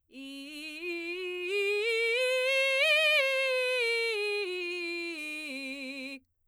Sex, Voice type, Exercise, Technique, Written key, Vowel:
female, soprano, scales, belt, , i